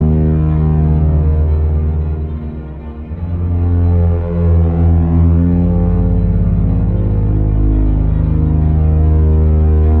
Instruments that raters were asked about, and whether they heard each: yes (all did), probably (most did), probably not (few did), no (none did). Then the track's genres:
cello: no
Experimental; Sound Collage; Trip-Hop